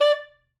<region> pitch_keycenter=74 lokey=73 hikey=76 volume=6.776469 lovel=84 hivel=127 ampeg_attack=0.004000 ampeg_release=2.500000 sample=Aerophones/Reed Aerophones/Saxello/Staccato/Saxello_Stcts_MainSpirit_D4_vl2_rr5.wav